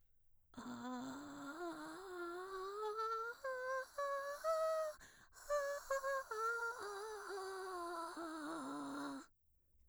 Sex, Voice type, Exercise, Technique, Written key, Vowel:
female, mezzo-soprano, scales, vocal fry, , a